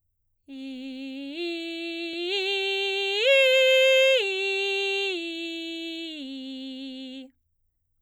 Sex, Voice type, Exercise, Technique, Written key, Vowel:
female, soprano, arpeggios, belt, C major, i